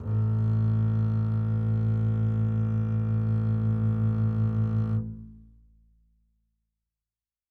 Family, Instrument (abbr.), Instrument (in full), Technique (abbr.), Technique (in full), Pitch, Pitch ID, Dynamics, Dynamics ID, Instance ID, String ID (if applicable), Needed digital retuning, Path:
Strings, Cb, Contrabass, ord, ordinario, A1, 33, mf, 2, 3, 4, FALSE, Strings/Contrabass/ordinario/Cb-ord-A1-mf-4c-N.wav